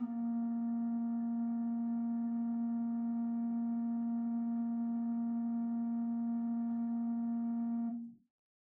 <region> pitch_keycenter=58 lokey=58 hikey=59 ampeg_attack=0.004000 ampeg_release=0.300000 amp_veltrack=0 sample=Aerophones/Edge-blown Aerophones/Renaissance Organ/8'/RenOrgan_8foot_Room_A#2_rr1.wav